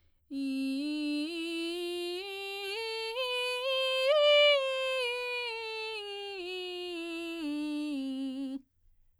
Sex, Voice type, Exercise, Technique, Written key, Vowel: female, soprano, scales, belt, , i